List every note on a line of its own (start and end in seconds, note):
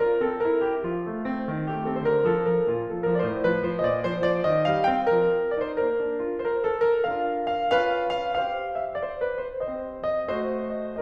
0.00 0.24 F4
0.00 0.24 A#4
0.24 0.48 C4
0.24 0.48 A4
0.51 0.70 E4
0.51 0.70 A#4
0.71 0.92 E4
0.71 0.92 G4
0.92 1.13 F3
0.92 1.70 F4
1.13 1.31 A3
1.31 1.49 C4
1.50 1.70 D#3
1.70 1.86 A3
1.70 1.86 G4
1.86 2.01 C4
1.86 2.01 A4
2.01 2.24 D3
2.01 2.07 C5
2.08 2.24 A#4
2.25 2.46 F3
2.25 2.46 A4
2.47 2.68 F3
2.47 2.68 A#4
2.68 2.84 A#2
2.68 2.84 F4
2.84 3.03 F3
2.84 3.03 A4
3.04 3.22 F3
3.04 3.22 A#4
3.23 3.41 A2
3.23 3.27 D5
3.27 3.41 C5
3.41 3.62 F3
3.41 3.62 B4
3.62 3.82 F3
3.62 3.82 C5
3.82 4.05 A#2
3.82 3.89 D#5
3.91 4.05 D5
4.06 4.26 F3
4.06 4.26 C5
4.26 4.46 F3
4.26 4.46 D5
4.46 4.66 D#3
4.46 4.66 D#5
4.66 4.88 G3
4.66 4.88 F5
4.89 5.09 C4
4.89 5.09 G5
5.09 5.29 F3
5.09 5.51 A#4
5.29 5.51 D4
5.51 5.74 D#4
5.51 5.64 D5
5.64 5.74 C5
5.75 5.97 A#3
5.75 6.18 A#4
5.97 6.18 D4
6.19 6.39 F4
6.39 6.44 C5
6.46 6.65 A#4
6.65 6.84 A4
6.84 7.08 A#4
7.08 7.71 D4
7.08 7.71 F4
7.08 7.71 A#4
7.08 7.51 F5
7.52 7.71 F5
7.72 8.35 C#4
7.72 8.35 F4
7.72 8.35 B4
7.72 8.12 F5
8.12 8.35 F5
8.35 8.94 C4
8.35 8.94 G4
8.35 8.94 C5
8.35 8.72 F5
8.72 8.94 E5
8.96 9.01 D5
9.01 9.18 C5
9.20 9.40 B4
9.42 9.61 C5
9.61 10.26 C4
9.61 10.26 G4
9.61 10.26 C5
9.61 10.03 D#5
10.03 10.26 D#5
10.26 11.01 A3
10.26 11.01 F#4
10.26 11.01 C5
10.26 10.75 D#5
10.76 11.01 D#5